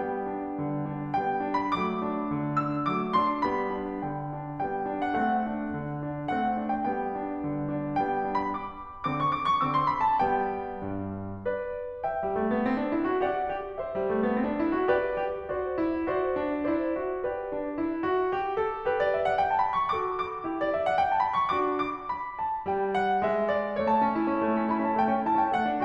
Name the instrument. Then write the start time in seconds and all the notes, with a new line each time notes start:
piano
0.00 G3 B3 G5
0.31 D4
0.60 D3
0.89 D4
1.20 G3 B3 G5
1.47 D4
1.60 B5
1.79 F#3 A3 D6
2.08 D4
2.36 D3
2.65 D4 E6
2.93 F#3 A3 D6
3.17 D4 C6
3.47 G3 B3 B5
3.73 D4
4.05 D3 G5
4.42 D4
4.68 G3 B3 G5
5.00 D4
5.12 F#5
5.25 A3 C4 F#5
5.53 D4
5.77 D3
6.06 D4
6.35 A3 C4 F#5
6.61 D4
6.72 G5
6.86 G3 B3 G5
7.20 D4
7.47 D3
7.71 D4
7.99 G3 B3 G5
8.28 D4
8.38 B5
8.50 D6
9.08 D3 C4 D6
9.23 C#6
9.33 D6
9.47 C#6
9.60 D3 C4 D6
9.72 C6
9.87 B5
10.02 A5
10.21 G3 B3 G5
10.83 G2
11.46 B4 D5
12.07 E5 G5
12.21 G3
12.35 A3
12.54 B3
12.68 C4
12.82 D4
12.92 E4
13.07 F#4
13.21 G4 D5 F#5
13.55 G4
13.78 C5 E5
13.94 G3
14.08 A3
14.22 B3
14.35 C4
14.49 D4
14.63 E4
14.74 F#4
14.88 G4 B4 D5
15.20 G4
15.51 F#4 C5 D5
15.77 E4
16.04 F#4 C5 D5
16.37 D4
16.64 E4 C5 D5
16.99 F#4
17.24 G4 B4 D5
17.53 D4
17.77 E4
18.03 F#4
18.31 G4
18.55 A4
18.87 G4 B4
18.97 D5
19.13 E5
19.26 F#5
19.39 G5
19.50 A5
19.63 B5
19.80 C#6
19.97 F#4 A4 D6
20.20 D6
20.49 E4 G4
20.61 D5
20.75 E5
20.87 F#5
21.00 G5
21.11 A5
21.21 B5
21.41 C#6
21.56 D4 F#4 D6
21.85 D6
22.11 B5
22.38 A5
22.67 G3 G5
22.98 F#5
23.21 G#3 E5
23.46 D5
23.80 A3 C#5
23.97 C#4 A5
24.17 E4
24.30 C#4
24.45 A3
24.60 C#4
24.73 E4 B5
24.86 C#4 A5
25.00 A3 G5
25.16 C#4
25.27 E4 A5
25.40 C#4 G5
25.53 A3 F#5
25.66 D4